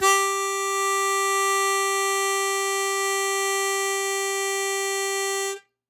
<region> pitch_keycenter=67 lokey=66 hikey=69 volume=3.820164 trigger=attack ampeg_attack=0.100000 ampeg_release=0.100000 sample=Aerophones/Free Aerophones/Harmonica-Hohner-Super64/Sustains/Accented/Hohner-Super64_Accented_G3.wav